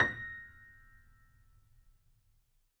<region> pitch_keycenter=94 lokey=94 hikey=95 volume=3.715086 lovel=66 hivel=99 locc64=0 hicc64=64 ampeg_attack=0.004000 ampeg_release=0.400000 sample=Chordophones/Zithers/Grand Piano, Steinway B/NoSus/Piano_NoSus_Close_A#6_vl3_rr1.wav